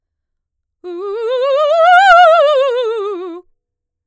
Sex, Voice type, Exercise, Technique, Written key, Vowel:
female, mezzo-soprano, scales, fast/articulated forte, F major, u